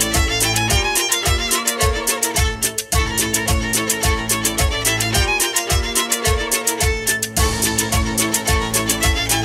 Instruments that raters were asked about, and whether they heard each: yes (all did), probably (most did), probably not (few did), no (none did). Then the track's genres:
violin: probably not
Funk; Hip-Hop; Bigbeat